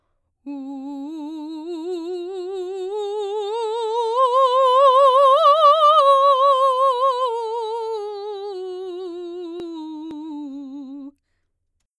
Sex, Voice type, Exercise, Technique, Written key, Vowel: female, soprano, scales, slow/legato forte, C major, u